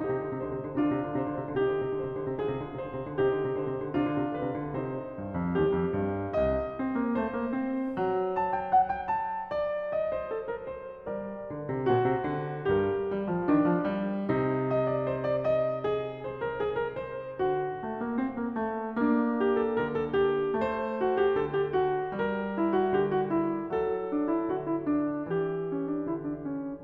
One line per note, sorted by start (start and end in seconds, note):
0.00 0.19 C3
0.00 0.79 D#4
0.00 0.38 G4
0.19 0.31 D3
0.31 0.49 C3
0.38 0.79 C5
0.49 0.67 D3
0.67 0.75 C3
0.75 0.86 D3
0.75 1.64 D4
0.75 1.24 F4
0.86 0.95 C3
0.95 1.24 D3
1.24 1.44 C3
1.24 1.64 C5
1.44 1.54 D3
1.54 1.65 C3
1.64 2.02 D3
1.64 2.44 D#4
1.64 2.17 G4
2.02 2.14 C3
2.14 2.25 D3
2.14 2.44 C5
2.25 2.32 C3
2.32 2.41 D3
2.41 2.50 C3
2.41 3.19 F4
2.41 2.84 G#4
2.50 2.67 D3
2.67 2.84 C3
2.84 2.97 D3
2.84 3.19 C5
2.97 3.05 C3
3.05 3.20 D3
3.19 3.32 C3
3.19 3.85 D#4
3.19 3.51 G4
3.32 3.44 D3
3.44 3.55 C3
3.51 3.85 C5
3.55 3.72 D3
3.72 3.84 C3
3.84 4.01 D3
3.84 4.84 D4
3.84 4.38 F4
4.01 4.16 C3
4.16 4.39 D3
4.38 4.49 C3
4.38 4.84 B4
4.49 4.70 D3
4.70 5.24 C3
4.84 5.62 D#4
4.84 6.35 C5
5.24 5.36 G2
5.36 5.62 F2
5.62 5.80 D#2
5.62 7.14 G4
5.80 5.93 F2
5.93 6.35 G2
6.35 6.90 C2
6.35 7.92 D#5
6.90 7.04 C4
7.04 7.14 A#3
7.14 7.28 A3
7.14 10.10 C5
7.28 7.52 A#3
7.52 7.92 C4
7.92 11.05 F#3
8.44 8.58 A5
8.58 8.73 G5
8.73 8.89 F#5
8.89 9.29 G5
9.29 9.52 A5
9.52 10.03 D5
10.03 11.12 D#5
10.15 10.30 C5
10.30 10.47 A4
10.47 10.62 A#4
10.62 11.12 C5
11.05 11.52 G3
11.12 11.91 A#4
11.12 11.91 D5
11.52 11.73 D3
11.73 11.90 C3
11.90 11.99 A#2
11.90 12.68 F#4
11.90 12.68 C5
11.99 12.20 C3
12.20 12.68 D3
12.68 13.15 G2
12.68 13.46 G4
12.68 14.30 A#4
13.15 13.34 G3
13.34 13.46 F3
13.46 13.61 D#3
13.46 14.30 D4
13.61 13.75 F3
13.75 14.29 G3
14.29 17.39 C3
14.29 18.96 D#4
14.77 14.99 D#5
14.99 15.09 D5
15.09 15.27 C5
15.27 15.53 D5
15.53 15.87 D#5
15.87 16.29 G#4
16.29 16.46 C5
16.46 16.61 A#4
16.61 16.76 G#4
16.76 16.93 A#4
16.93 17.40 C5
17.39 17.89 D3
17.39 18.96 F#4
17.89 18.04 A3
18.04 18.23 A#3
18.23 18.47 C4
18.47 18.58 A#3
18.58 18.95 A3
18.95 19.81 A#3
18.95 20.60 D4
19.46 19.70 G4
19.70 19.84 A4
19.81 20.58 D3
19.81 19.95 A#4
19.95 20.12 A4
20.12 20.60 G4
20.58 21.37 A3
20.58 22.13 C5
21.10 21.27 F#4
21.27 21.39 G4
21.37 22.13 D3
21.37 21.51 A4
21.51 21.75 G4
21.75 22.13 F#4
22.13 23.07 G3
22.13 23.81 A#4
22.60 22.78 E4
22.78 23.07 F#4
23.07 23.79 D3
23.07 23.17 G4
23.17 23.30 F#4
23.30 23.81 E4
23.79 24.54 F#3
23.79 25.26 A4
24.09 24.38 D4
24.38 24.57 E4
24.54 25.24 D3
24.54 24.67 F#4
24.67 24.79 E4
24.79 25.26 D4
25.24 26.11 E3
25.24 26.84 G4
25.70 25.89 C#4
25.89 26.12 D4
26.11 26.83 D3
26.11 26.29 E4
26.29 26.52 D4
26.52 26.84 C#4
26.83 26.84 C3